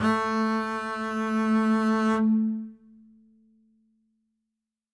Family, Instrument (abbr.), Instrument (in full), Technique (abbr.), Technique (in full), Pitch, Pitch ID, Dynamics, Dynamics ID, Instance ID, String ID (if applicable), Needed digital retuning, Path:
Strings, Cb, Contrabass, ord, ordinario, A3, 57, ff, 4, 0, 1, FALSE, Strings/Contrabass/ordinario/Cb-ord-A3-ff-1c-N.wav